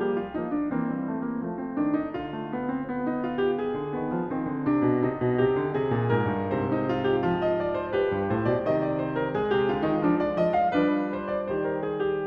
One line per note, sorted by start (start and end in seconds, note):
0.00 0.34 A#3
0.05 0.23 G4
0.23 0.38 F4
0.34 0.71 F3
0.34 0.71 A#3
0.38 0.56 D#4
0.56 0.77 D4
0.71 1.46 E3
0.71 0.93 A#3
0.77 1.68 C4
0.93 1.10 G3
1.10 1.29 A3
1.29 1.46 A#3
1.46 1.76 F3
1.46 2.37 A3
1.68 1.81 C4
1.76 2.15 D#3
1.81 1.99 D4
1.99 2.21 D#4
2.15 3.72 D3
2.21 3.08 F4
2.41 2.55 A3
2.55 2.72 B3
2.72 2.88 C4
2.88 3.91 B3
3.08 3.27 D#4
3.27 3.45 F4
3.45 3.63 G4
3.63 5.46 G#4
3.75 3.91 D3
3.91 4.11 D#3
3.96 4.35 B3
4.11 4.31 F3
4.31 4.47 D#3
4.35 4.66 C4
4.47 4.62 D3
4.62 4.79 C3
4.62 5.06 D4
4.79 5.02 B2
5.02 5.21 C3
5.06 6.72 D#4
5.21 5.41 B2
5.41 5.58 C3
5.46 5.77 G4
5.58 5.74 D3
5.74 5.92 C3
5.74 6.13 G#4
5.92 6.10 A#2
6.10 6.28 G#2
6.10 6.57 A#4
6.28 6.51 G2
6.51 7.89 G#2
6.51 7.27 C3
6.57 7.48 C5
6.78 6.97 D#4
6.97 7.13 F4
7.13 7.31 G4
7.27 8.64 F3
7.31 7.96 F4
7.48 7.71 D#5
7.71 7.88 D5
7.88 7.96 C5
7.96 9.44 G4
7.96 8.32 B4
8.10 8.28 G2
8.28 8.45 A2
8.32 8.49 C5
8.45 8.64 B2
8.45 8.68 D5
8.64 9.50 C3
8.64 9.40 D#3
8.68 8.87 D#5
8.87 9.09 D5
9.09 9.28 C5
9.28 9.44 A#4
9.40 10.74 G#3
9.40 9.58 G#4
9.54 9.73 C3
9.54 9.76 G4
9.73 9.90 D3
9.73 9.94 F4
9.90 10.02 D#3
9.90 10.05 D#4
10.02 10.31 F3
10.02 10.19 D4
10.19 10.38 D5
10.34 10.70 F3
10.34 10.58 D#5
10.58 10.76 F5
10.74 11.45 F3
10.74 12.26 G3
10.74 11.47 F4
10.74 11.13 B4
11.13 11.33 C5
11.33 11.47 D5
11.45 12.26 D#3
11.45 11.66 C5
11.66 11.84 A#4
11.84 12.05 G#4
12.05 12.27 G4